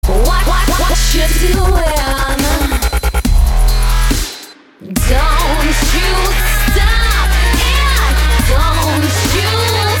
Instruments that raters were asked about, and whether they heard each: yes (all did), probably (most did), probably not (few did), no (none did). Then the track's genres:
organ: no
clarinet: no
voice: yes
Rap